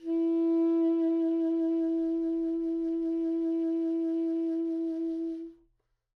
<region> pitch_keycenter=64 lokey=64 hikey=65 tune=-1 volume=18.068063 ampeg_attack=0.004000 ampeg_release=0.500000 sample=Aerophones/Reed Aerophones/Tenor Saxophone/Vibrato/Tenor_Vib_Main_E3_var3.wav